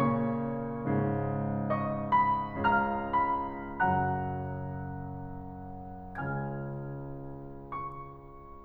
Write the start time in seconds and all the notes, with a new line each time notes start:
0.00 A#2 C#3 A#3 C#5 C#6
0.86 G#2 C#3 G#3
1.67 D#5 C#6 D#6
2.17 B5
2.64 C#2 C#3 F5 A#5 F6
3.13 B5
3.59 F#2 C#3 F#3 F#5 A#5 F#6
6.16 C#2 C#3 G#5 F6 G#6
7.74 C#6